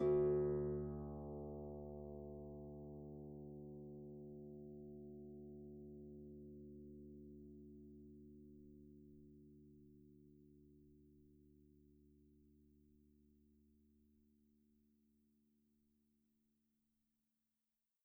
<region> pitch_keycenter=38 lokey=38 hikey=39 tune=-4 volume=15.839160 xfout_lovel=70 xfout_hivel=100 ampeg_attack=0.004000 ampeg_release=30.000000 sample=Chordophones/Composite Chordophones/Folk Harp/Harp_Normal_D1_v2_RR1.wav